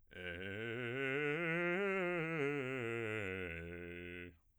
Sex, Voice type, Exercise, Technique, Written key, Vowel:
male, bass, scales, fast/articulated piano, F major, e